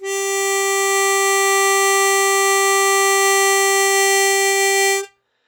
<region> pitch_keycenter=67 lokey=66 hikey=69 volume=5.303144 trigger=attack ampeg_attack=0.004000 ampeg_release=0.100000 sample=Aerophones/Free Aerophones/Harmonica-Hohner-Super64/Sustains/Normal/Hohner-Super64_Normal _G3.wav